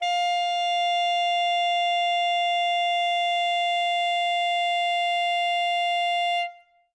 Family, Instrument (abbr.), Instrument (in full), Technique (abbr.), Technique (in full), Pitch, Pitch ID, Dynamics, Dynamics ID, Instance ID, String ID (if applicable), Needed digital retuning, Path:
Winds, ASax, Alto Saxophone, ord, ordinario, F5, 77, ff, 4, 0, , FALSE, Winds/Sax_Alto/ordinario/ASax-ord-F5-ff-N-N.wav